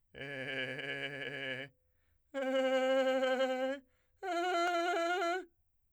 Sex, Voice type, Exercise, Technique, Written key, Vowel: male, , long tones, trillo (goat tone), , e